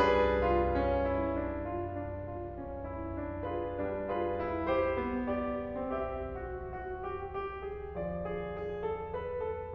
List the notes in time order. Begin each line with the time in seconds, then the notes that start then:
0.01 G3 D4 G#4 B4
0.41 F4
0.77 C#4
1.09 E4
1.33 D4
1.63 F4
1.94 D4
2.27 F4
2.54 C#4
2.94 E4
3.21 D4
3.48 F4 G#4 B4
3.79 G3 D4
4.07 F4 G#4 B4
4.37 E4
4.70 G4 C5
5.00 B3
5.37 G4 D5
5.89 C4 G4 E5
6.09 F#4
6.34 F#4
6.77 G4
7.15 G4
7.56 G#4
7.99 F3 D5
8.26 G#4
8.64 G#4
8.89 A4
9.18 B4
9.49 A4